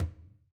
<region> pitch_keycenter=64 lokey=64 hikey=64 volume=16.581491 lovel=66 hivel=99 seq_position=1 seq_length=2 ampeg_attack=0.004000 ampeg_release=15.000000 sample=Membranophones/Struck Membranophones/Conga/Tumba_HitFM_v3_rr1_Sum.wav